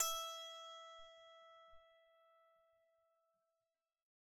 <region> pitch_keycenter=76 lokey=76 hikey=77 tune=-5 volume=15.880991 ampeg_attack=0.004000 ampeg_release=15.000000 sample=Chordophones/Zithers/Psaltery, Bowed and Plucked/Pluck/BowedPsaltery_E4_Main_Pluck_rr2.wav